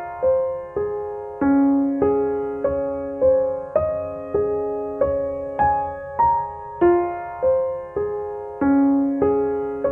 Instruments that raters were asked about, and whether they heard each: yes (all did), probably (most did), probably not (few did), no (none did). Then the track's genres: piano: yes
Soundtrack; Ambient Electronic; Ambient; Minimalism